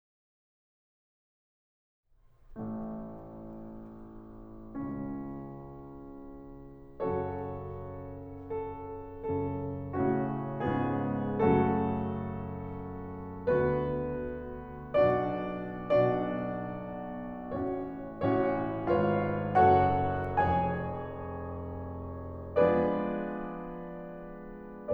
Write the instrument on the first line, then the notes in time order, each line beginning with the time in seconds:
piano
2.58 A1 A2 A3
4.77 C#2 C#3 C#4
7.01 F#2 C#3 F#3 C#4 F#4 A4 C#5
8.45 A4
9.24 F#2 C#3 F#3 C#4 A4
9.95 A2 C#3 A3 C#4 F#4
10.67 G#2 C#3 G#3 B3 C#4 F4 G#4
11.41 F#2 C#3 F#3 A3 C#4 F#4 A4
13.54 D2 D3 B3 F#4 B4
14.96 B1 B2 D4 F#4 D5
15.96 B1 B2 D4 F#4 D5
17.50 A1 A2 C#4 F#4 C#5
18.24 A1 A2 C#4 F#4 C#5
18.89 G#1 G#2 F4 B4 C#5 F5
19.69 F#1 F#2 F#4 A4 C#5 F#5
20.36 F1 F2 G#4 C#5 G#5
22.57 F3 G#3 B3 D4 G#4 B4 D5